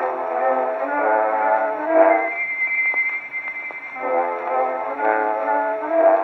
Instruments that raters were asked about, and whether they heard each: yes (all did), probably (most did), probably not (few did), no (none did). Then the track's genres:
trumpet: probably not
Old-Time / Historic